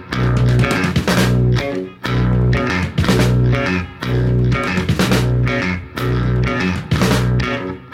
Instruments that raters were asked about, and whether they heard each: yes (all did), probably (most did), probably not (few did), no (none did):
organ: no
accordion: no
bass: probably